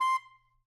<region> pitch_keycenter=84 lokey=83 hikey=85 tune=2 volume=16.038694 lovel=0 hivel=83 ampeg_attack=0.004000 ampeg_release=1.500000 sample=Aerophones/Reed Aerophones/Tenor Saxophone/Staccato/Tenor_Staccato_Main_C5_vl1_rr4.wav